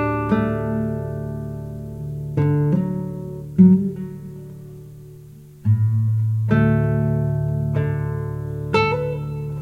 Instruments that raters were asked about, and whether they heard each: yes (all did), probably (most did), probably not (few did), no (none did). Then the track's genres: bass: no
drums: probably not
Classical; Folk; Instrumental